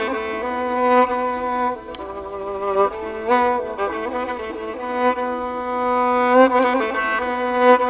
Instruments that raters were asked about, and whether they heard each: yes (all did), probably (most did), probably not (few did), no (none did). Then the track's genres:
violin: yes
trumpet: no
clarinet: probably not
International; Middle East; Turkish